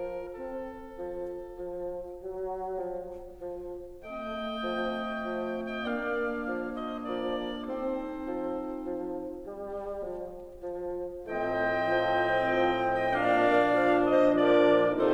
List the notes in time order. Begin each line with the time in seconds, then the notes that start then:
0.00 F3 A#4
0.49 C4 A4
0.99 F3
1.49 F3
2.17 F#3
2.69 F3
3.51 F3
4.12 A3 C4
4.56 F3
5.04 F3
5.41 D#5 G5
5.80 A#3 D4 D5 F5
6.32 F3
6.69 C5 D#5
7.05 F3 A#4 D5
7.66 C4 D#4 A4 C5
8.34 F3
8.80 F3
9.32 G3
10.03 F3
10.94 F3
11.37 A2 F3 A3 C4 G5
11.87 F3
12.39 F3
12.86 D#5 G5
13.18 A#2 F3 A#3 D4 D5 F5
13.62 F3
13.97 C5 D#5
14.45 F3 A#4 D5